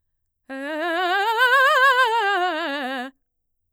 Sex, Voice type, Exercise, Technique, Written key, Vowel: female, mezzo-soprano, scales, fast/articulated forte, C major, e